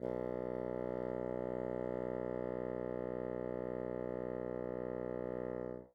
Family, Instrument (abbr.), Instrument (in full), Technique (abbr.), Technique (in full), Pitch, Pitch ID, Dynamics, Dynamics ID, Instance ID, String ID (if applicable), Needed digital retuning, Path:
Winds, Bn, Bassoon, ord, ordinario, B1, 35, mf, 2, 0, , FALSE, Winds/Bassoon/ordinario/Bn-ord-B1-mf-N-N.wav